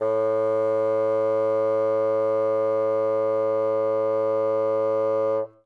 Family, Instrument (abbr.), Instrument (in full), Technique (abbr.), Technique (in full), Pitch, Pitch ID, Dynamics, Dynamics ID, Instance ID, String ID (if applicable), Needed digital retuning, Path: Winds, Bn, Bassoon, ord, ordinario, A2, 45, ff, 4, 0, , TRUE, Winds/Bassoon/ordinario/Bn-ord-A2-ff-N-T11d.wav